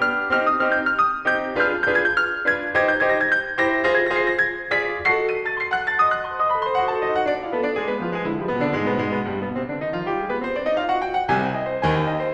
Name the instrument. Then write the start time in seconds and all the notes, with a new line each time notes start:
piano
0.00 B3 D4 G4 F6
0.33 C4 D#4 G4 F6
0.42 D#6
0.55 F6
0.60 C4 D#4 G4 G6
0.72 F6
0.85 D#6
1.25 C4 D#4 G4 G6
1.60 D4 F4 G#4 B4 G6
1.70 F6
1.79 G6
1.85 D4 F4 G#4 B4 G#6
2.01 G6
2.15 F6
2.45 D4 F4 G#4 B4 G#6
2.73 D#4 G4 C5 G#6
2.83 G6
2.94 G#6
3.00 D#4 G4 C5 A#6
3.17 G#6
3.27 G6
3.54 E4 G4 C5 A#6
3.82 F4 G#4 C5 A#6
3.94 G#6
4.03 A#6
4.12 F4 G#4 C5
4.17 C7
4.27 A#6
4.40 G#6
4.75 F4 G#4 D5 B6
5.09 F#4 A4 D#5 C7
5.31 D#7
5.46 A5 A6
5.58 C6 C7
5.71 F#5 F#6
5.89 A5 A6
6.04 D#5 D#6
6.16 F#5 F#6
6.30 C5 C6
6.41 D#5 D#6
6.52 A4 A5
6.65 C5 C6
6.77 F#4 F#5
6.90 A4 A5
6.99 D#4 D#5
7.09 F#4 F#5
7.22 D4 D5
7.35 F4 F5
7.49 B3 B4
7.62 D4 D5
7.76 G#3 G#4
7.87 B3 B4
8.02 F3 F4
8.14 G#3 G#4
8.29 D3 D4
8.42 F3 F4
8.52 B2 B3
8.63 D3 D4
8.75 G#2 G#3
8.86 B2 B3
8.97 F2 F3
9.10 G#2 G#3
9.22 G2 G3
9.37 B2 B3
9.54 C3 C4
9.71 D3 D4
9.81 D#3 D#4
9.93 F3 F4
10.05 G3 G4
10.16 G#3 G#4
10.27 B3 B4
10.40 C4 C5
10.52 D4 D5
10.66 D#4 D#5
10.79 F4 F5
10.90 F#4 F#5
11.04 G4 G5
11.13 F#5
11.27 C2 C3 G#5
11.39 G5
11.49 D#5
11.61 C5
11.84 D#2 D#3 G#5
11.97 G5
12.09 D#5
12.24 C5